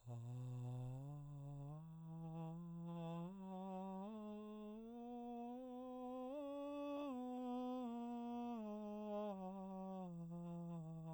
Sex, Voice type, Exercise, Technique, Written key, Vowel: male, baritone, scales, breathy, , a